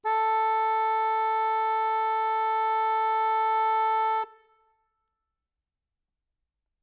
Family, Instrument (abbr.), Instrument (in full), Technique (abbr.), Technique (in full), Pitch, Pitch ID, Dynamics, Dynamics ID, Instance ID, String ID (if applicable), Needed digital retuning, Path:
Keyboards, Acc, Accordion, ord, ordinario, A4, 69, ff, 4, 2, , FALSE, Keyboards/Accordion/ordinario/Acc-ord-A4-ff-alt2-N.wav